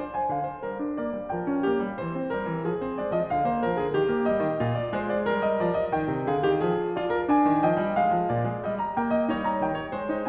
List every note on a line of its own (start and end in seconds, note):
0.00 0.14 C5
0.14 0.34 G#5
0.33 0.60 D3
0.33 0.49 F5
0.49 0.62 C5
0.60 0.78 G3
0.60 0.96 A#4
0.78 0.95 D4
0.95 1.13 A#3
0.95 1.31 D5
1.13 1.30 G3
1.30 1.47 F3
1.30 1.65 A#4
1.30 2.86 G5
1.47 1.65 C#4
1.65 1.82 A#3
1.65 1.97 G4
1.82 1.97 G3
1.97 2.12 E3
1.97 2.32 C5
2.12 2.32 C4
2.32 2.47 G3
2.32 2.68 A#4
2.47 2.68 E3
2.68 2.84 F3
2.68 3.47 G#4
2.84 3.00 C4
2.84 3.01 C5
3.00 3.18 G#3
3.00 3.18 D5
3.18 3.32 F3
3.18 3.33 D#5
3.32 3.47 D3
3.32 4.28 F5
3.47 3.63 A#3
3.47 3.63 C5
3.63 3.80 F3
3.63 3.80 A#4
3.80 3.92 D3
3.80 3.92 G#4
3.92 4.06 D#3
3.92 4.63 G4
4.06 4.27 A#3
4.27 4.47 G3
4.27 4.85 D#5
4.47 4.63 D#3
4.63 4.93 C3
4.63 5.25 F4
4.85 4.95 D5
4.93 5.25 G#3
4.93 5.09 C5
5.09 5.26 D5
5.25 5.62 G3
5.25 6.30 A#4
5.45 5.63 D#5
5.62 5.91 F3
5.62 5.78 D5
5.78 5.92 D#5
5.91 6.08 D#3
5.91 6.32 G5
6.08 6.30 C3
6.30 6.46 D3
6.30 6.46 G#4
6.30 6.62 F5
6.46 6.62 D#3
6.46 6.62 G4
6.62 7.51 F3
6.62 6.93 G#4
6.93 7.30 F4
6.93 7.11 D5
7.11 7.31 A#4
7.30 7.67 D4
7.30 7.69 G#5
7.51 7.67 D#3
7.67 7.85 F3
7.67 8.32 D#5
7.67 8.00 G5
7.85 8.00 G3
8.00 8.15 G#3
8.00 8.66 F5
8.15 8.31 F3
8.31 8.49 A#2
8.31 8.65 D5
8.49 8.65 G#3
8.65 8.97 G3
8.65 8.97 D#5
8.80 8.99 A#5
8.97 9.26 A#3
8.97 9.13 G5
9.13 9.28 D#5
9.26 9.61 G3
9.26 10.04 D#4
9.26 9.44 C#5
9.44 9.61 A#5
9.61 9.94 D#3
9.61 9.75 G5
9.75 9.95 C#5
9.94 10.29 G#3
9.94 10.29 C5
10.12 10.29 D#4